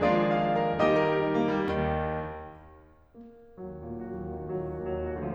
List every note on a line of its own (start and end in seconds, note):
0.00 0.78 D#3
0.00 0.78 F3
0.00 0.78 G#3
0.00 0.78 A#3
0.00 0.78 D4
0.00 0.78 F4
0.00 0.78 G#4
0.00 0.26 D5
0.26 0.50 F5
0.51 0.78 A#4
0.78 1.03 D#3
0.78 1.03 G3
0.78 1.03 A#3
0.78 1.03 D#4
0.78 0.93 G4
0.78 0.93 D#5
0.93 1.03 A#4
1.04 1.22 G4
1.22 1.36 D#4
1.36 1.52 A#3
1.52 1.68 G3
1.70 2.30 D#2
1.70 2.30 D#3
3.18 3.58 A#3
3.58 4.04 D#2
3.58 4.04 F#3
3.80 4.24 A#2
3.80 4.24 A#3
4.05 4.32 D#3
4.05 4.32 F#4
4.24 4.42 D#2
4.24 4.42 F#3
4.32 4.53 A#2
4.32 4.53 A#3
4.42 4.67 D#3
4.42 4.67 F#4
4.53 4.77 D#2
4.53 4.77 F#3
4.68 4.90 A#2
4.68 4.90 A#3
4.78 5.04 D#3
4.78 5.04 F#4
4.90 5.12 D#2
4.90 5.12 F#3
5.04 5.20 A#2
5.04 5.20 A#3
5.12 5.33 D#3
5.12 5.33 F#4
5.20 5.35 D2
5.20 5.35 F3